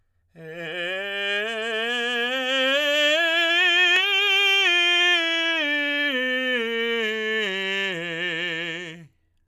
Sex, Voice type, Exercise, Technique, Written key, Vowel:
male, tenor, scales, slow/legato forte, F major, e